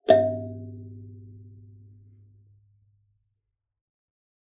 <region> pitch_keycenter=43 lokey=43 hikey=43 tune=-9 volume=-3.065671 offset=3843 ampeg_attack=0.004000 ampeg_release=15.000000 sample=Idiophones/Plucked Idiophones/Kalimba, Tanzania/MBira3_pluck_Main_G1_k12_50_100_rr2.wav